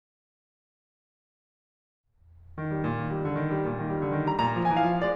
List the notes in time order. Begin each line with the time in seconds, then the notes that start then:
2.57 D#3
2.72 G3
2.88 A#2
3.02 D#3
3.17 G3
3.30 D3
3.45 D#3
3.58 G3
3.69 A#2
3.84 D#3
3.95 G3
4.05 D3
4.16 D#3
4.27 G3 A#5
4.39 A#2 A#5
4.53 F3
4.64 G#3 G#5
4.75 E3 F5
4.86 F3
5.03 G#3 D5